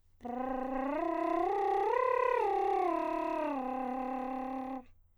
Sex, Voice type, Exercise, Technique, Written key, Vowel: male, countertenor, arpeggios, lip trill, , a